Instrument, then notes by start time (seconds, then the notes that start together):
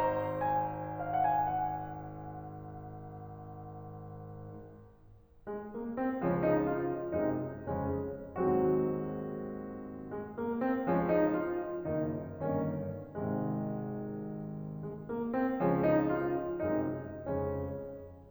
piano
0.00 C5 A#5
0.49 G#5
1.00 F5
1.09 F#5
1.21 G#5
1.47 F#5
5.51 G#3
5.74 A#3
5.96 C4
6.22 C#2 C#3 F3 G#3 C#4
6.43 D#4
6.68 F4
7.13 F#2 C3 G#3 D#4
7.60 F2 C#3 G#3 C#4
8.68 G#2 D#3 F#3 G#3 C4 F#4
10.15 G#3
10.37 A#3
10.58 C4
10.86 C#2 C#3 F3 G#3 C#4
11.06 D#4
11.33 F4
11.84 F#1 F#2 D#3 A#3 D#4
12.45 G1 G2 D#3 A#3 C#4
13.07 G#1 G#2 C3 D#3 G#3
14.76 G#3
14.99 A#3
15.26 C4
15.59 C#2 C#3 F3 G#3 C#4
15.81 D#4
16.10 F4
16.59 F#2 C3 G#3 D#4
17.22 F2 C#3 G#3 C#4